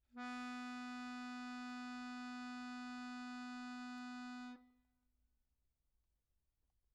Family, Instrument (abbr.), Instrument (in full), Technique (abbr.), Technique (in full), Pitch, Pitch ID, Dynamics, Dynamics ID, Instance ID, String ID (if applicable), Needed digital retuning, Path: Keyboards, Acc, Accordion, ord, ordinario, B3, 59, pp, 0, 1, , FALSE, Keyboards/Accordion/ordinario/Acc-ord-B3-pp-alt1-N.wav